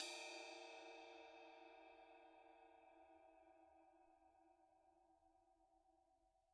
<region> pitch_keycenter=70 lokey=70 hikey=70 volume=21.976082 lovel=0 hivel=65 ampeg_attack=0.004000 ampeg_release=30 sample=Idiophones/Struck Idiophones/Suspended Cymbal 1/susCymb1_hit_stick_pp1.wav